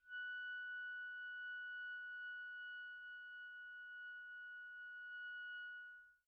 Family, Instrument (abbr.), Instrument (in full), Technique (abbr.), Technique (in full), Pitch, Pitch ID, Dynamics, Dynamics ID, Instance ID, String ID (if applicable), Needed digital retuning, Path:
Winds, ClBb, Clarinet in Bb, ord, ordinario, F#6, 90, pp, 0, 0, , TRUE, Winds/Clarinet_Bb/ordinario/ClBb-ord-F#6-pp-N-T16d.wav